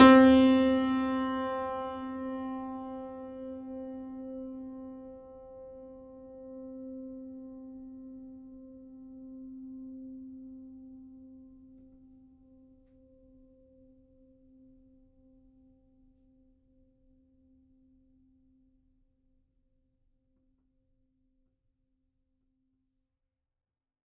<region> pitch_keycenter=60 lokey=60 hikey=61 volume=-0.859274 lovel=100 hivel=127 locc64=65 hicc64=127 ampeg_attack=0.004000 ampeg_release=0.400000 sample=Chordophones/Zithers/Grand Piano, Steinway B/Sus/Piano_Sus_Close_C4_vl4_rr1.wav